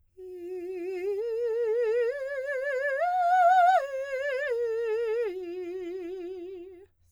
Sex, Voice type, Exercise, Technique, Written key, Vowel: female, soprano, arpeggios, slow/legato piano, F major, i